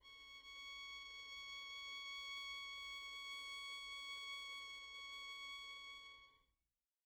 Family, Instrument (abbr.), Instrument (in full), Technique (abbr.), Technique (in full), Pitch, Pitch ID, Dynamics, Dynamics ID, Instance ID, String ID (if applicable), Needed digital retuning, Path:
Strings, Vn, Violin, ord, ordinario, C#6, 85, pp, 0, 0, 1, FALSE, Strings/Violin/ordinario/Vn-ord-C#6-pp-1c-N.wav